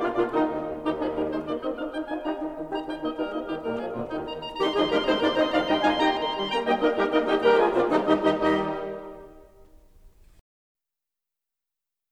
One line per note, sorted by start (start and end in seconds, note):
0.00 0.19 A#2
0.00 0.19 A#3
0.00 0.19 D4
0.00 0.19 F4
0.00 0.19 D5
0.19 0.31 A#2
0.19 0.31 A#3
0.19 0.31 D4
0.19 0.31 F4
0.19 0.31 D5
0.19 0.31 F5
0.31 0.45 D#2
0.31 0.45 D#3
0.31 0.44 D#4
0.31 0.45 D#4
0.31 0.45 G4
0.45 0.58 D#1
0.58 0.66 D#1
0.66 1.27 D#1
0.66 0.86 D#3
0.66 0.86 G4
0.77 0.86 D#4
0.86 1.07 F3
0.86 1.06 D#4
0.86 1.07 G#4
1.07 1.27 G3
1.07 1.27 D#4
1.07 1.27 A#4
1.27 1.44 G#3
1.27 1.44 D#4
1.27 1.44 C5
1.44 1.58 A#3
1.44 1.58 D#4
1.44 1.58 D5
1.58 1.76 C4
1.58 1.76 D#4
1.58 1.76 D#5
1.76 1.94 D4
1.76 1.93 D#4
1.76 1.94 F5
1.94 2.09 D#4
1.94 2.09 G5
2.09 2.21 D#4
2.09 2.21 F4
2.09 2.21 G#5
2.21 2.35 D#4
2.21 2.35 G4
2.21 2.35 A#5
2.35 2.52 D#3
2.35 2.51 D#4
2.52 2.67 D#3
2.52 2.67 D#4
2.67 2.84 D#3
2.67 2.84 D#4
2.67 2.84 G4
2.67 2.84 A#5
2.84 3.00 D#4
2.84 3.00 G5
3.00 3.15 A#3
3.00 3.13 D#4
3.00 3.15 D#5
3.15 3.32 G3
3.15 3.32 D#4
3.15 3.32 A#4
3.32 3.51 A#3
3.32 3.51 D#4
3.32 3.51 D#5
3.51 3.66 D#3
3.51 3.66 D#4
3.51 3.66 G4
3.66 3.78 A#2
3.66 3.78 G3
3.66 3.91 A#3
3.66 3.78 A#4
3.78 3.91 F3
3.78 3.91 G#4
3.91 4.10 A#2
3.91 4.10 D3
3.91 4.10 A#3
3.91 4.10 F4
4.10 4.28 D#3
4.10 4.28 C4
4.10 4.28 F4
4.10 4.28 G4
4.28 4.46 A#5
4.46 4.59 A#5
4.59 4.77 D#3
4.59 4.77 G3
4.59 4.77 C4
4.59 4.77 D#4
4.59 4.77 G4
4.59 4.62 A#5
4.59 4.67 C6
4.67 4.71 A#5
4.71 4.77 C6
4.77 4.97 C3
4.77 4.97 F3
4.77 4.97 G#3
4.77 4.97 D#4
4.77 4.97 F4
4.77 4.97 G#4
4.77 4.83 A#5
4.83 4.88 C6
4.88 4.92 A#5
4.92 4.97 C6
4.97 5.13 C3
4.97 5.13 G3
4.97 5.13 A#3
4.97 5.13 D#4
4.97 5.13 G4
4.97 5.13 A#4
4.97 5.02 A#5
5.02 5.07 C6
5.07 5.11 A#5
5.07 5.13 C6
5.13 5.25 C3
5.13 5.25 G#3
5.13 5.25 C4
5.13 5.25 D#4
5.13 5.25 G#4
5.13 5.25 C5
5.13 5.17 A#5
5.13 5.21 C6
5.21 5.34 C3
5.21 5.34 A#3
5.21 5.34 D4
5.21 5.34 D#4
5.21 5.34 A#4
5.21 5.34 D5
5.21 5.25 A#5
5.21 5.27 C6
5.27 5.31 A#5
5.27 5.34 C6
5.34 5.50 C3
5.34 5.50 C4
5.34 5.50 D#4
5.34 5.50 C5
5.34 5.50 D#5
5.34 5.36 A#5
5.34 5.40 C6
5.40 5.46 A#5
5.46 5.50 C6
5.50 5.67 C3
5.50 5.67 F3
5.50 5.67 D4
5.50 5.67 D#4
5.50 5.67 D5
5.50 5.67 F5
5.50 5.55 A#5
5.55 5.60 C6
5.60 5.64 A#5
5.64 5.80 C3
5.64 5.80 G3
5.64 5.80 D#4
5.64 5.80 D#5
5.64 5.80 G5
5.64 5.69 A#5
5.64 5.67 C6
5.69 5.77 A#5
5.69 5.72 C6
5.77 5.99 C3
5.77 6.00 G#3
5.77 5.99 D#4
5.77 6.00 F4
5.77 6.00 F5
5.77 6.00 G#5
5.77 5.85 A#5
5.77 5.80 C6
5.85 5.90 C6
5.90 5.94 A#5
5.94 6.00 C6
6.00 6.18 C3
6.00 6.18 A#3
6.00 6.18 D#4
6.00 6.18 G4
6.00 6.18 G5
6.00 6.18 A#5
6.18 6.35 D#3
6.35 6.50 G3
6.50 6.61 A#3
6.50 6.61 G5
6.50 6.61 A#5
6.61 6.75 G3
6.61 6.75 A#3
6.61 6.75 D#4
6.61 6.75 G4
6.61 6.75 D#5
6.61 6.75 G5
6.75 6.90 A#3
6.75 6.90 D#4
6.75 6.90 A#4
6.75 6.90 D#5
6.90 7.08 G3
6.90 7.08 A#3
6.90 7.08 D#4
6.90 7.08 G4
6.90 7.08 A#4
7.08 7.23 A#3
7.08 7.23 D#4
7.08 7.23 A#4
7.08 7.23 D#5
7.23 7.38 D#3
7.23 7.38 G3
7.23 7.37 D#4
7.23 7.38 D#4
7.23 7.37 G4
7.23 7.38 G4
7.23 7.38 D#5
7.23 7.38 G5
7.38 7.57 G3
7.38 7.57 A#3
7.38 7.57 G4
7.38 7.57 A#4
7.38 7.57 G5
7.38 7.57 A#5
7.57 7.81 F3
7.57 7.81 G#3
7.57 7.81 F4
7.57 7.81 G#4
7.57 7.81 F5
7.57 7.81 G#5
7.81 8.00 A#2
7.81 8.00 A#3
7.81 8.00 D4
7.81 8.00 F4
7.81 8.00 D5
7.81 8.00 F5
8.00 8.23 D#3
8.00 8.22 G3
8.00 8.22 D#4
8.00 8.23 D#4
8.00 8.23 G4
8.00 8.23 D#5
8.23 8.63 D#2
8.23 8.63 D#3
8.23 8.63 G3
8.23 8.63 D#4
8.23 8.63 G4
8.23 8.63 D#5
8.63 8.88 D#2
8.63 8.88 D#3
8.63 8.88 G3
8.63 8.88 D#4
8.63 8.88 G4
8.63 8.88 D#5
8.88 9.11 D#2
8.88 9.11 D#3
8.88 9.11 G3
8.88 9.11 D#4
8.88 9.11 G4
8.88 9.11 D#5